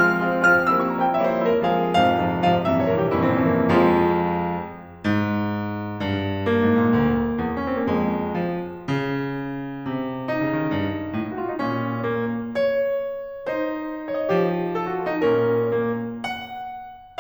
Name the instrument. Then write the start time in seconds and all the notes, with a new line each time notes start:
piano
0.00 F3 G#3 C4 F4 F6
0.23 F3 G#3 C4 F4
0.46 F3 G#3 C4 F4 F6
0.72 F3 G3 A#3 C4 E4 E6
0.81 C#6
0.91 F3 G3 A#3 C4 E4 A#5
1.01 G5
1.16 F3 G3 A#3 C4 E4 C#5 E5
1.29 C5
1.40 F3 G3 A#3 C4 E4 C#5 E5
1.51 A#4
1.63 F2 G#2 C3 F3 G#4
1.90 F2 G#2 C3 F3 F5
2.11 F2 G#2 C3 F3
2.40 F2 G#2 C3 F3 F5
2.61 F2 G2 A#2 C3 E3 E5
2.71 C#5
2.86 F2 G2 A#2 C3 E3 A#4
2.98 G4
3.10 F2 G2 A#2 C3 E3 C#4 E4
3.20 C4
3.31 F2 G2 A#2 C3 E3 C#4 E4
3.49 A#3
3.68 F2 F3 G#3 F4
5.02 G#2
6.01 G2
6.48 A#3
6.73 G#2
6.83 A#2
6.97 D2
7.37 E2
7.51 C#4
7.65 C4
7.80 A#3
7.88 F2 G#3
8.39 F3
8.88 C#3
9.88 C3
10.32 D#4
10.53 C#3
10.63 D#3
10.73 G2
11.18 A2
11.30 F#4
11.40 F4
11.49 D#4
11.60 A#2 C#4
12.09 A#3
12.62 C#5
13.48 D#4 C5
14.09 C#5
14.19 D#5
14.33 F3 G4
14.74 A4
14.85 F#4
14.95 F4
15.07 D#4
15.20 A#2 C#4 A#4
15.69 A#3
16.14 F#5